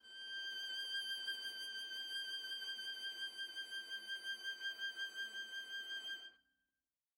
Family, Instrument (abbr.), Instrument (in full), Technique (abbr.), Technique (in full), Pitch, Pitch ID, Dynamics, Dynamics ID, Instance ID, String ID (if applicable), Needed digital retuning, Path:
Strings, Va, Viola, ord, ordinario, G6, 91, mf, 2, 0, 1, FALSE, Strings/Viola/ordinario/Va-ord-G6-mf-1c-N.wav